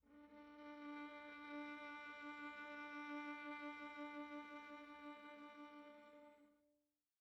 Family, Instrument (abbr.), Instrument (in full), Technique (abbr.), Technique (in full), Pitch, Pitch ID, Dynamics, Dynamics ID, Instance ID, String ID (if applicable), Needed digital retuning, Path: Strings, Va, Viola, ord, ordinario, D4, 62, pp, 0, 3, 4, FALSE, Strings/Viola/ordinario/Va-ord-D4-pp-4c-N.wav